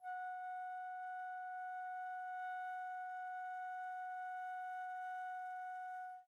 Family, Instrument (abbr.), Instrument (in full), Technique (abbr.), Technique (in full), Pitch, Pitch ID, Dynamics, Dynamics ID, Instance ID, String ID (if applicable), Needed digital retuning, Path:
Winds, Fl, Flute, ord, ordinario, F#5, 78, pp, 0, 0, , FALSE, Winds/Flute/ordinario/Fl-ord-F#5-pp-N-N.wav